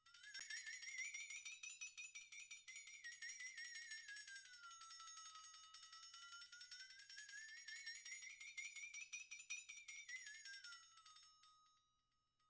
<region> pitch_keycenter=60 lokey=60 hikey=60 volume=20.000000 offset=2470 ampeg_attack=0.004000 ampeg_release=1.000000 sample=Idiophones/Struck Idiophones/Flexatone/flexatone_extralong.wav